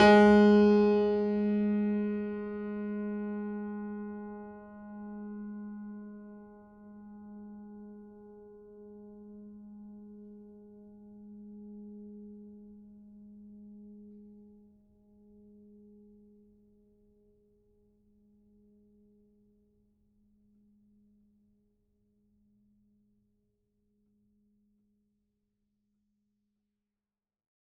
<region> pitch_keycenter=56 lokey=56 hikey=57 volume=0.956866 lovel=100 hivel=127 locc64=65 hicc64=127 ampeg_attack=0.004000 ampeg_release=0.400000 sample=Chordophones/Zithers/Grand Piano, Steinway B/Sus/Piano_Sus_Close_G#3_vl4_rr1.wav